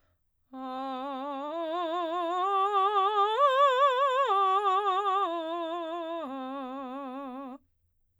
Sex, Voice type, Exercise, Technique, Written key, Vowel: female, soprano, arpeggios, slow/legato forte, C major, a